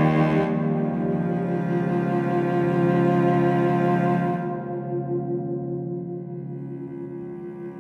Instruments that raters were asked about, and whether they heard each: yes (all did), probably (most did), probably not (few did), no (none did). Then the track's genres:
bass: no
cello: probably
Blues; Classical; Electronic; Trip-Hop; Contemporary Classical